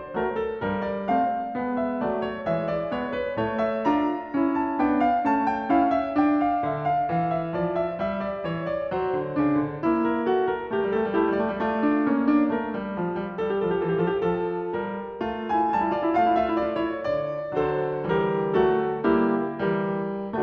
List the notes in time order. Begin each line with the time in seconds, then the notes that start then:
0.00 A3 C5
0.08 F#3
0.22 A#4
0.51 G3 A4
0.60 G2
0.74 A#4
0.98 C4 D5
1.06 A3
1.22 F5
1.49 B3
1.57 G#3
1.95 A3 E5
2.02 F#3
2.16 D5
2.40 G#3 C#5
2.45 E3
2.58 E5
2.77 B3 D5
2.84 G#3
2.97 C#5
3.22 A3 B4
3.32 A2
3.47 A#4
3.70 F4 E5
3.81 D4
3.95 A#5
4.20 E4
4.27 C#4
4.62 D4 A5
4.69 B3
4.82 G5
5.06 C#4 F5
5.17 A3
5.31 A5
5.51 E4 G5
5.60 C#4
5.72 F5
5.94 D4 E5
6.18 G5
6.50 F5
6.63 D3
6.76 E5
6.99 F5
7.11 E3
7.23 F5
7.45 E5
7.52 F3
7.73 D5
7.95 E5
8.01 G3
8.13 E5
8.31 D5
8.36 E3
8.51 C#5
8.77 D5
8.81 F#3
9.08 C5
9.14 D3
9.33 D4
9.43 C#3
9.67 D3
9.81 E4
9.88 A#3
10.26 F#4 A#4
10.48 A4
10.62 G4 A#4
10.69 G3
10.79 A3
10.86 G3 A#4
10.95 A3
11.02 G3 E4
11.09 A3 A4
11.18 G3
11.26 A3
11.31 G3 G4
11.40 A3
11.49 G3 F4
11.54 D5
11.60 A3
11.71 D4
11.76 D5
12.03 C#4
12.09 A#3
12.21 D4
12.43 A#4
12.50 A3
12.70 G3
12.95 F3
13.15 G3
13.27 G4
13.35 G3 A4
13.42 G4
13.50 A4
13.60 F3 G4
13.69 A4
13.78 E3 G4
13.84 A4
13.92 G4
14.01 A4
14.07 F3
14.13 G4
14.25 A4
14.33 F3
14.71 A#4
14.80 G3
15.27 A3 E4
15.34 F4
15.41 E4
15.48 F4
15.56 E4
15.62 F4 G#5
15.67 G3 E4
15.77 F4 A5
15.85 E4
15.94 F4
16.01 E4 D5
16.11 A3 F4
16.18 E4
16.28 F4 F5
16.36 E4
16.50 F4
16.57 E4 E5
16.68 F4
16.76 E4
16.81 F4 D5
16.93 E4
17.08 C#5
17.14 D3
17.36 D5
17.58 A4 C5
17.71 D3 F#3
18.10 G4 A#4
18.22 E3 G3
18.55 F#4 A4
18.65 F#3 A3
19.05 E4 G4
19.21 G3 A#3
19.61 G4 A#4
19.73 E3 G3
20.29 F#4 A4